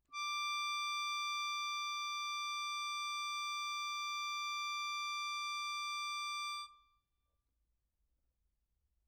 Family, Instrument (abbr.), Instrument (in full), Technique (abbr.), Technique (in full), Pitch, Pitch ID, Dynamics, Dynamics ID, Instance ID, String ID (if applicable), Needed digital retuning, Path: Keyboards, Acc, Accordion, ord, ordinario, D6, 86, mf, 2, 1, , FALSE, Keyboards/Accordion/ordinario/Acc-ord-D6-mf-alt1-N.wav